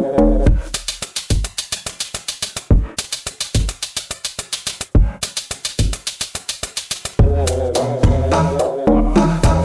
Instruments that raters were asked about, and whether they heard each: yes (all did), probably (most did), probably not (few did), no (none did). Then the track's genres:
cymbals: probably
clarinet: no
Experimental Pop